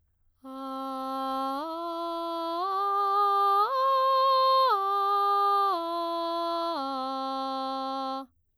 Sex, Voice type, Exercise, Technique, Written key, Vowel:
female, soprano, arpeggios, straight tone, , a